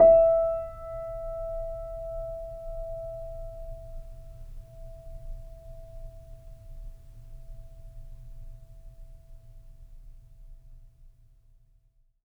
<region> pitch_keycenter=76 lokey=76 hikey=77 volume=-3.654306 lovel=0 hivel=65 locc64=0 hicc64=64 ampeg_attack=0.004000 ampeg_release=0.400000 sample=Chordophones/Zithers/Grand Piano, Steinway B/NoSus/Piano_NoSus_Close_E5_vl2_rr1.wav